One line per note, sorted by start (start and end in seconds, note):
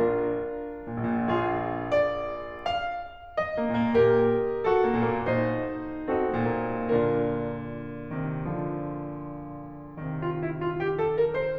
0.00 0.60 A#1
0.00 1.25 D4
0.00 1.25 F4
0.00 1.90 A#4
0.91 1.04 A#2
0.98 1.18 A#1
1.10 1.30 A#2
1.27 1.90 A#1
1.27 2.59 F4
1.27 2.59 G#4
1.92 2.59 D5
2.60 3.22 F5
3.23 5.28 D#5
3.59 3.75 A#3
3.72 3.89 A#2
3.82 3.96 A#3
3.91 4.56 A#2
3.91 4.56 G4
3.91 4.56 A#4
4.57 6.05 F#4
4.57 6.05 A4
4.85 5.09 A#3
4.97 5.22 A#2
5.17 5.35 A#3
5.31 6.05 A#2
5.31 6.05 D#4
5.31 6.05 C5
6.06 6.82 C4
6.06 6.82 D#4
6.06 6.82 F#4
6.06 6.82 A4
6.47 6.65 A#3
6.61 6.78 A#2
6.72 6.82 A#3
6.83 11.58 A#2
6.83 8.44 D3
6.83 7.65 D4
6.83 7.65 F4
6.83 7.65 A#4
8.23 8.44 C3
8.23 8.44 D#3
8.45 9.98 D3
8.45 9.98 F3
10.00 11.58 C3
10.00 11.58 D#3
10.21 10.38 F4
10.40 10.63 E4
10.65 10.80 F4
10.81 10.96 G4
10.97 11.15 A4
11.16 11.32 A#4
11.33 11.58 C5